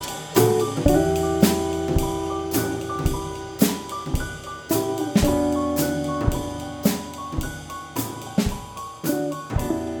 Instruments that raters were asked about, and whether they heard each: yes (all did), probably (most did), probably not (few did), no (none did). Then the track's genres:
cymbals: yes
Jazz